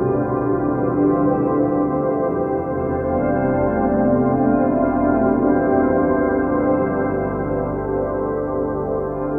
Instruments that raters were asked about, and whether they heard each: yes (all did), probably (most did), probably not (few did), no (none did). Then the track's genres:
trombone: no
Electronic; Ambient; Instrumental